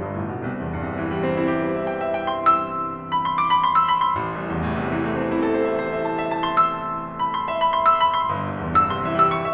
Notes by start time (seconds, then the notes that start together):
0.01 G1 E3
0.16 A1 F3
0.33 B1 G3
0.48 C2
0.62 E2
0.81 G2
0.92 C3
1.05 E3
1.13 G3
1.26 C4
1.36 E4
1.53 G4
1.68 C5
2.01 E5
2.14 G5
2.28 C6
2.56 E6
3.15 B5
3.26 C6
3.38 D6
3.52 B5
3.65 C6
3.76 E6
3.90 B5
4.01 C6
4.20 A1
4.39 C2
4.51 E2
4.65 A2
4.82 C3
4.96 E3
5.07 A3
5.17 C4
5.31 E4
5.44 A4
5.81 C5
5.92 E5
6.19 E5
6.30 A5
6.41 C6
6.91 E6
7.20 B5
7.35 C6
7.51 E5
7.63 B5
7.76 C6
7.87 E6
8.02 B5
8.16 C6
8.34 G1
8.49 C2
8.63 E2
8.77 G2
8.90 C3
9.02 E3
9.13 G3 E6
9.26 C6
9.39 E5